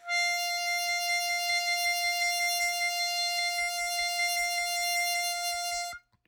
<region> pitch_keycenter=77 lokey=75 hikey=79 volume=7.858103 trigger=attack ampeg_attack=0.004000 ampeg_release=0.100000 sample=Aerophones/Free Aerophones/Harmonica-Hohner-Special20-F/Sustains/HandVib/Hohner-Special20-F_HandVib_F4.wav